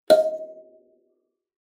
<region> pitch_keycenter=75 lokey=75 hikey=76 tune=-19 volume=-2.752871 offset=4650 seq_position=2 seq_length=2 ampeg_attack=0.004000 ampeg_release=15.000000 sample=Idiophones/Plucked Idiophones/Kalimba, Tanzania/MBira3_pluck_Main_D#4_k20_50_100_rr2.wav